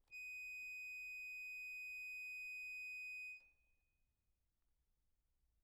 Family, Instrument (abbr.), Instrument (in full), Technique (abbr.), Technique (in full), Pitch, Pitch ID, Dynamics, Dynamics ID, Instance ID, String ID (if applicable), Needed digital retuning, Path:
Keyboards, Acc, Accordion, ord, ordinario, D#7, 99, p, 1, 0, , FALSE, Keyboards/Accordion/ordinario/Acc-ord-D#7-p-N-N.wav